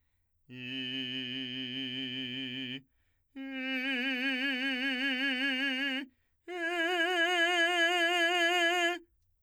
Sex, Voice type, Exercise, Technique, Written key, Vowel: male, , long tones, full voice forte, , i